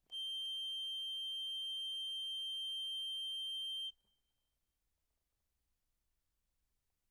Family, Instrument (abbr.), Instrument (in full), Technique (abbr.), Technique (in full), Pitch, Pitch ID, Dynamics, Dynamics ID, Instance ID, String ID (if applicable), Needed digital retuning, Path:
Keyboards, Acc, Accordion, ord, ordinario, G7, 103, ff, 4, 1, , FALSE, Keyboards/Accordion/ordinario/Acc-ord-G7-ff-alt1-N.wav